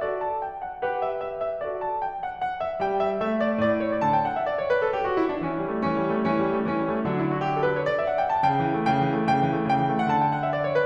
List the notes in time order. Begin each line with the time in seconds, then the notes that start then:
0.00 F#4 A4 D5
0.20 A5
0.42 G5
0.63 F#5
0.86 G4 B4 F#5
1.04 E5
1.22 E5
1.46 E5
1.65 F#4 A4 D5
1.82 A5
2.00 G5
2.22 F#5
2.43 F#5
2.66 E5
2.83 G3 G5
3.01 E5
3.25 A3 E5
3.47 D5
3.65 A2 D5
3.85 C#5
3.99 D3 D5 A5
4.13 G5
4.27 F#5
4.39 E5
4.53 D5
4.63 C#5
4.73 B4
4.84 A4
4.95 G4
5.07 F#4
5.20 E4
5.32 D4
5.45 E3 C#4
5.58 G3
5.72 A3
5.86 E3 C#4
6.01 G3
6.16 A3
6.29 E3 C#4
6.44 G3
6.58 A3
6.72 E3 C#4
6.85 G3
6.95 A3
7.06 D3 F#3 D4
7.16 E4
7.29 F#4
7.43 G4
7.56 A4
7.69 B4
7.81 C#5
7.89 D5
8.00 E5
8.12 F#5
8.23 G5
8.36 A5
8.49 C#3 G5
8.61 E3
8.79 A3
8.92 C#3 G5
9.07 E3
9.21 A3
9.33 C#3 G5
9.49 E3
9.60 A3
9.73 C#3 G5
9.86 E3
9.98 A3
10.10 D3 F#5 A5
10.24 G5
10.38 F#5
10.47 E5
10.57 D5
10.63 C#5
10.74 B4